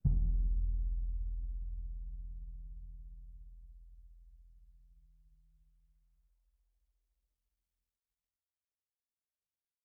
<region> pitch_keycenter=62 lokey=62 hikey=62 volume=17.628073 offset=1930 lovel=48 hivel=72 seq_position=1 seq_length=2 ampeg_attack=0.004000 ampeg_release=30 sample=Membranophones/Struck Membranophones/Bass Drum 2/bassdrum_hit_mp1.wav